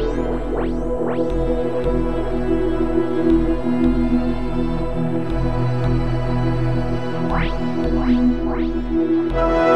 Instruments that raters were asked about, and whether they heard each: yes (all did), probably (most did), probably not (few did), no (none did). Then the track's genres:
cello: no
Experimental; Ambient; New Age